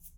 <region> pitch_keycenter=64 lokey=64 hikey=64 volume=19.995481 seq_position=1 seq_length=2 ampeg_attack=0.004000 ampeg_release=30.000000 sample=Idiophones/Struck Idiophones/Shaker, Small/Mid_ShakerHighFaster_Down_rr1.wav